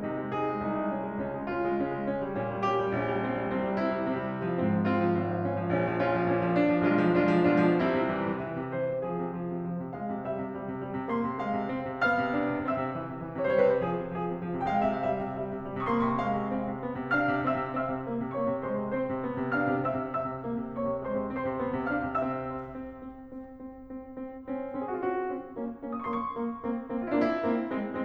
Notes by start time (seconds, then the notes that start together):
0.00 C3 D#4
0.19 G#3
0.36 D#4 G#4
0.48 G#3
0.60 C2 D#4
0.77 G#3
0.91 C#4
1.02 G#3
1.20 C#2 C#4
1.36 G#3
1.51 C#4 F4
1.68 G#3
1.82 C#3 C#4
1.97 G#3
2.11 A#3
2.26 G3
2.41 A#2 C#4
2.57 G3
2.72 C#4 G4
2.84 G3
3.00 A#1 C#4
3.15 G3
3.25 C4
3.37 G3
3.47 C2 C4
3.60 G3
3.75 C4 E4
3.90 G3
4.04 C3 C4
4.17 G3
4.34 G#3
4.49 F3
4.62 G#2 C4
4.77 F3
4.92 C4 F4
5.04 F3
5.13 G#1 C4
5.27 F3
5.43 C#4
5.57 F3
5.71 A#1 C#4
5.87 F3
6.01 C#4 F4
6.14 F3
6.28 A#2 C#4
6.42 F3
6.57 D4
6.72 F3
6.86 B1 G#3 D4 F4
7.05 F3
7.21 G#3 D4 F4
7.41 F3
7.56 B2 G#3 D4 F4
7.73 F3
7.88 C2 G3 C4 E4
8.05 C3
8.21 E3
8.37 C3
8.49 E3
8.61 C3
8.74 E3 C5
8.90 C3
9.06 F3 G#4
9.21 C3
9.38 F3
9.53 C3
9.65 F3
9.81 C3
9.94 G#3 F5
10.10 C3
10.24 G3 E5
10.39 C3
10.53 G3
10.66 C3
10.81 G3
10.94 C3
11.10 A#3 C6
11.27 C3
11.44 G#3 F5
11.60 C3
11.74 C4
11.90 C3
12.05 B3 F5 F6
12.19 C3
12.36 D4
12.52 C3
12.68 C4 E5 E6
12.78 C3
12.93 E3
13.05 C3
13.18 E3
13.32 C3
13.46 E3 C5
13.53 C#5
13.60 C3 B4
13.70 C5
13.78 F3 G#4
13.93 C3
14.07 F3 G#4
14.22 C3
14.34 F3
14.49 C3
14.64 G#3 F5
14.72 G5
14.79 C3 E5
14.88 F5
14.94 G3 E5
15.08 C3
15.21 G3 E5
15.35 C3
15.50 G3
15.67 C3
15.86 A#3 C6
15.94 C#6
16.04 C3 B5
16.14 C6
16.21 G#3 F5
16.35 C3
16.50 C4 F5
16.64 C3
16.82 B3
17.00 C3
17.14 D4 F5 F6
17.29 C3
17.44 C4 E5 E6
17.61 C3
17.77 C4 E5 E6
17.91 C3
18.09 A#3
18.23 C3
18.38 A#3 C#5 C#6
18.51 C3
18.66 G#3 C5 C6
18.81 C3
18.96 C4 C5 C6
19.10 C3
19.24 B3
19.39 C3
19.54 D4 F5 F6
19.66 C3
19.82 C4 E5 E6
19.97 C3
20.12 C4 E5 E6
20.28 C3
20.45 A#3
20.58 C3
20.76 A#3 C#5 C#6
20.91 C3
21.05 G#3 C5 C6
21.21 C3
21.35 C4 C5 C6
21.48 C3
21.63 B3
21.76 C3
21.90 D4 F5 F6
22.05 C3
22.22 C4 E5 E6
22.50 C4
22.76 C4
23.02 C4
23.34 C4
23.59 C4
23.92 C4
24.18 C4
24.46 C4 C#4
24.74 C4 C#4
24.86 G#4
24.90 F#4
24.95 F4
25.00 C4 C#4 F#4
25.33 C4 C#4
25.59 A#3 C#4
25.87 A#3 C#4
26.01 D#6
26.05 C#6
26.10 C6
26.16 A#3 C#4 C#6
26.41 A#3 C#4
26.69 A#3 C4
26.95 A#3 C4
27.04 E4 F4
27.12 D4
27.18 A#3 C4 E4
27.52 A#3 C4
27.76 G#3 C4